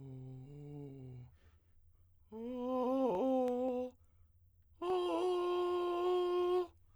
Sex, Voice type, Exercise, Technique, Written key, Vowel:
male, tenor, long tones, inhaled singing, , o